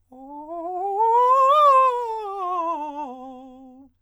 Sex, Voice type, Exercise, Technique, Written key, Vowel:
male, countertenor, scales, fast/articulated forte, C major, o